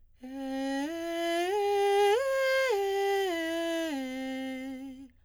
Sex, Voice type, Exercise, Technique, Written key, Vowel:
female, soprano, arpeggios, breathy, , e